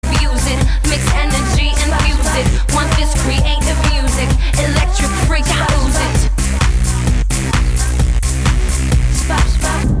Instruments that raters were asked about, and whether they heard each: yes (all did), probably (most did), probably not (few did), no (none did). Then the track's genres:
accordion: no
saxophone: no
voice: yes
guitar: probably not
Hip-Hop; Rap